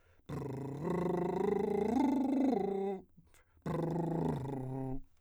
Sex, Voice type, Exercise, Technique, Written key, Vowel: male, , arpeggios, lip trill, , u